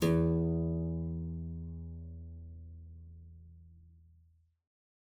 <region> pitch_keycenter=40 lokey=40 hikey=41 volume=-2.484285 offset=146 trigger=attack ampeg_attack=0.004000 ampeg_release=0.350000 amp_veltrack=0 sample=Chordophones/Zithers/Harpsichord, English/Sustains/Lute/ZuckermannKitHarpsi_Lute_Sus_E1_rr1.wav